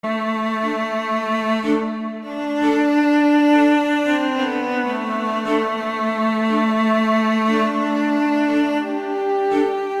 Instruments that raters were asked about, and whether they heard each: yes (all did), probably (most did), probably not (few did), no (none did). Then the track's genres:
cello: yes
cymbals: no
mallet percussion: no
trumpet: no
Ambient